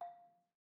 <region> pitch_keycenter=77 lokey=75 hikey=80 volume=19.946860 offset=261 lovel=0 hivel=65 ampeg_attack=0.004000 ampeg_release=30.000000 sample=Idiophones/Struck Idiophones/Balafon/Soft Mallet/EthnicXylo_softM_F4_vl1_rr2_Mid.wav